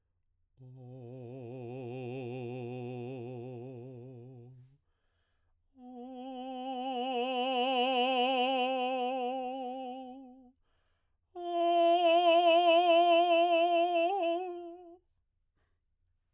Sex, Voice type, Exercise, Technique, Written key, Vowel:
male, baritone, long tones, messa di voce, , o